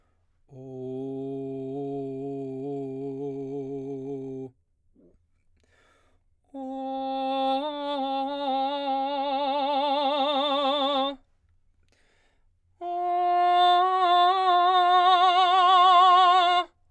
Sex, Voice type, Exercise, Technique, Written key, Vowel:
male, baritone, long tones, trill (upper semitone), , o